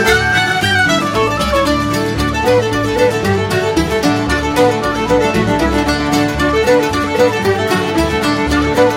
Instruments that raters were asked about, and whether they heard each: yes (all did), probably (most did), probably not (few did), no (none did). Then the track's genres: ukulele: probably not
banjo: probably
mandolin: yes
International; Celtic